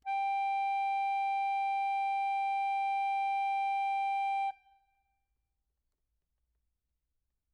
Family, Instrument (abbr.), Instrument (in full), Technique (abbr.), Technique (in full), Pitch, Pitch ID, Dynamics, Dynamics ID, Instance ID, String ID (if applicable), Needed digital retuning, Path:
Keyboards, Acc, Accordion, ord, ordinario, G5, 79, mf, 2, 0, , FALSE, Keyboards/Accordion/ordinario/Acc-ord-G5-mf-N-N.wav